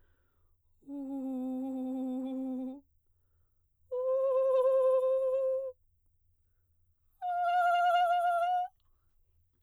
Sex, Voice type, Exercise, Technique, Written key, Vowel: female, soprano, long tones, trillo (goat tone), , u